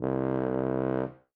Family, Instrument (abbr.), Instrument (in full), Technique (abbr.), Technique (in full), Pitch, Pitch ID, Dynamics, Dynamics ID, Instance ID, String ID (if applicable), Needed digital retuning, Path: Brass, BTb, Bass Tuba, ord, ordinario, C2, 36, ff, 4, 0, , FALSE, Brass/Bass_Tuba/ordinario/BTb-ord-C2-ff-N-N.wav